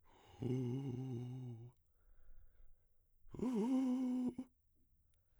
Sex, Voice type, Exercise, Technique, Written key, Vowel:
male, baritone, long tones, inhaled singing, , u